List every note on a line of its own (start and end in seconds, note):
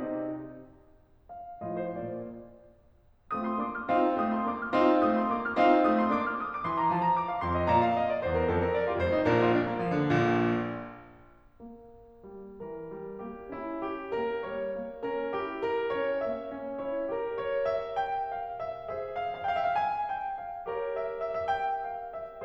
0.00 0.37 C3
0.00 0.37 C4
0.00 0.37 D#4
0.00 0.37 G4
0.00 0.37 D#5
1.23 1.61 F5
1.63 1.97 A2
1.63 2.25 F3
1.63 1.97 A3
1.63 2.25 F4
1.63 1.81 D#5
1.81 1.97 C5
1.97 2.25 A#2
1.97 2.25 A#3
1.97 2.25 D5
3.39 3.62 A3
3.39 3.62 C4
3.39 3.88 F4
3.39 3.52 D#6
3.52 3.62 C6
3.62 3.88 A#3
3.62 3.88 D4
3.62 3.75 D6
3.75 3.88 F6
3.88 4.14 C4
3.88 4.14 D#4
3.88 4.76 F4
3.88 4.14 F5
4.14 4.52 A3
4.14 4.52 C4
4.14 4.34 D#6
4.34 4.52 C6
4.52 4.76 A#3
4.52 4.76 D4
4.52 4.62 D6
4.63 4.76 F6
4.76 5.03 C4
4.76 5.03 D#4
4.76 5.57 F4
4.76 5.03 F5
5.03 5.31 A3
5.03 5.31 C4
5.03 5.13 D#6
5.14 5.31 C6
5.31 5.57 A#3
5.31 5.57 D4
5.31 5.45 D6
5.45 5.57 F6
5.57 5.85 C4
5.57 5.85 D#4
5.57 6.39 F4
5.57 5.85 F5
5.85 6.13 A3
5.85 6.13 C4
5.85 5.99 D#6
5.99 6.13 C6
6.13 6.39 A#3
6.13 6.39 D4
6.13 6.27 D6
6.27 6.39 F6
6.40 6.52 D#6
6.52 6.66 D6
6.66 6.93 E3
6.66 6.84 C6
6.84 6.93 A#5
6.94 7.20 F3
6.94 7.05 A5
7.05 7.20 A#5
7.20 7.29 D6
7.29 7.45 F5
7.47 7.69 F2
7.47 7.57 C6
7.57 7.69 D#5
7.69 7.92 A#2
7.69 7.80 D5
7.69 7.80 A#5
7.80 7.92 F5
7.92 8.05 D#5
8.05 8.23 D5
8.23 8.52 E2
8.23 8.37 C5
8.37 8.52 A#4
8.52 8.77 F2
8.52 8.66 A4
8.67 8.77 A#4
8.77 8.88 D5
8.88 9.00 F4
9.00 9.28 F1
9.00 9.28 F2
9.00 9.14 C5
9.15 9.28 D#4
9.28 9.64 A#1
9.28 9.64 A#2
9.28 9.49 D4
9.28 9.49 A#4
9.49 9.64 F4
9.64 9.74 D4
9.74 9.89 A#3
9.89 10.02 F3
10.02 10.15 D3
10.15 10.65 A#1
10.15 10.65 A#2
11.62 12.28 A#3
12.29 12.61 G3
12.61 12.89 E3
12.61 13.26 A#4
12.90 13.26 G3
13.26 13.53 A#3
13.26 13.53 G4
13.53 14.18 C#4
13.53 13.82 E4
13.82 14.18 G4
14.18 14.44 A#3
14.18 14.44 A#4
14.44 14.78 G3
14.44 15.09 C#5
14.78 15.09 A#3
15.09 15.38 C#4
15.09 15.38 A#4
15.38 15.96 E4
15.38 15.70 G4
15.71 15.96 A#4
15.96 16.29 C#4
15.96 16.29 C#5
16.30 16.57 A#3
16.30 16.80 E5
16.57 16.80 C#4
16.81 17.10 E4
16.81 17.10 C#5
17.10 18.91 G4
17.10 17.38 A#4
17.10 18.91 A#4
17.40 17.66 C#5
17.66 18.00 E5
18.00 18.29 G5
18.29 18.62 F5
18.62 18.91 E5
18.91 20.68 G#4
18.91 20.68 C5
18.91 19.20 E5
19.20 19.49 F5
19.49 19.64 F5
19.57 19.74 G5
19.64 19.81 E5
19.75 19.86 F5
19.81 20.10 G#5
20.11 20.39 G5
20.39 20.68 F5
20.69 22.45 G4
20.69 22.45 A#4
20.69 22.45 C#5
21.01 21.27 E5
21.28 21.55 E5
21.55 21.61 E5
21.61 21.85 G5
21.86 22.09 F5
22.09 22.45 E5